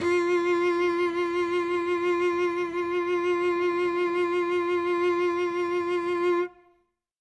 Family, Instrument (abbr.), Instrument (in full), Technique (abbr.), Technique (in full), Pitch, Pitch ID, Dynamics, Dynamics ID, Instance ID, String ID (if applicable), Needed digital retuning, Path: Strings, Vc, Cello, ord, ordinario, F4, 65, ff, 4, 2, 3, TRUE, Strings/Violoncello/ordinario/Vc-ord-F4-ff-3c-T14u.wav